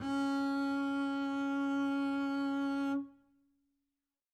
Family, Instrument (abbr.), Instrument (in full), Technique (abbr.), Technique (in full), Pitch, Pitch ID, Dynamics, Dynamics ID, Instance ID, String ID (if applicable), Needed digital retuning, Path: Strings, Cb, Contrabass, ord, ordinario, C#4, 61, mf, 2, 0, 1, TRUE, Strings/Contrabass/ordinario/Cb-ord-C#4-mf-1c-T29u.wav